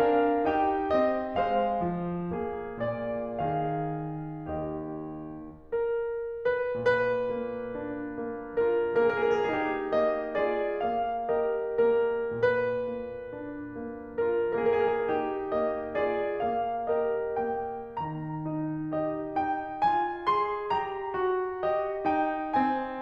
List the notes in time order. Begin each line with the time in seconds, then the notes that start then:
0.00 D4 A#4 F5
0.48 D#4 G4 G5
0.95 C4 G4 D#5
1.35 G#3 C5 F5
1.83 F3
2.33 A#3 G#4
2.80 A#2 D5
3.40 D#3 G#4 F5
4.02 D4
4.54 D#4 G4 D#5
5.51 A#3
6.05 G3 A#4
6.47 D#3
6.65 B4
6.87 A#2 B4
7.33 A#3
7.74 D4
8.21 A#3
8.66 F4 A#4
9.08 A#3 G#4
9.24 A#4
9.33 G#4
9.40 A#4
9.57 D#4 G4
9.93 A#3 D#5
10.33 F4 G#4 D5
10.83 A#3 F5
11.40 G4 A#4 D#5
11.91 A#3 A#4
12.41 A#2 B4
12.93 A#3
13.37 D4
13.87 A#3
14.28 F4 A#4
14.64 A#3 G#4
14.73 A#4
14.83 G#4
14.97 A#4
15.08 D#4 G4
15.51 A#3 D#5
15.99 F4 G#4 D5
16.42 A#3 F5
16.94 G4 A#4 D#5
17.38 A#3 G5
18.09 D#3 A#5
18.47 D#4
18.94 G4 D#5
19.38 D#4 G5
19.83 F4 G#5
20.28 G#4 C6
20.72 G4 A#5
21.12 F#4
21.62 G4 D#5
22.07 D#4 G5
22.57 C4 G#5